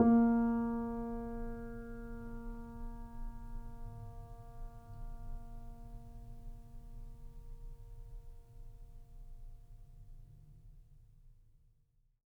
<region> pitch_keycenter=58 lokey=58 hikey=59 volume=2.357730 lovel=0 hivel=65 locc64=0 hicc64=64 ampeg_attack=0.004000 ampeg_release=0.400000 sample=Chordophones/Zithers/Grand Piano, Steinway B/NoSus/Piano_NoSus_Close_A#3_vl2_rr1.wav